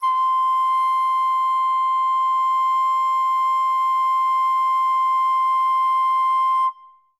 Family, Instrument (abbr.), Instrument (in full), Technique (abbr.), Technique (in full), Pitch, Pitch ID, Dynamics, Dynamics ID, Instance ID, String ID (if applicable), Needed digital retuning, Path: Winds, Fl, Flute, ord, ordinario, C6, 84, ff, 4, 0, , TRUE, Winds/Flute/ordinario/Fl-ord-C6-ff-N-T38d.wav